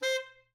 <region> pitch_keycenter=72 lokey=72 hikey=73 tune=-2 volume=14.447735 offset=426 lovel=84 hivel=127 ampeg_attack=0.004000 ampeg_release=1.500000 sample=Aerophones/Reed Aerophones/Tenor Saxophone/Staccato/Tenor_Staccato_Main_C4_vl2_rr3.wav